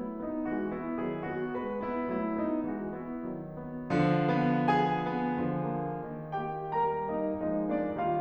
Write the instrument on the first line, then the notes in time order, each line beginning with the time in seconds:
piano
0.00 F#3 A3 E4
0.22 B3 D#4
0.58 E3 G#3 F#4
0.79 B3 E4
1.07 D#3 F#3 G#4
1.34 B3 F#4
1.59 G#3 B4
1.83 B3 E4
2.12 F#3 A3 E4
2.44 B3 D#4
2.71 E3 G#3 F#4
2.94 B3 E4
3.31 D#3 F#3
3.60 B3
4.02 D3 F3
4.38 B3
4.71 G#4 G#5
5.04 B3
5.38 D3 F3
5.79 A#3
6.04 D#3
6.43 A#3 G4 G5
6.75 G3 A#4 A#5
7.04 A#3 D#4 D#5
7.31 F3 G#3 D#4 D#5
7.59 A#3 D4 D5
7.94 D#3 G3 F4 F5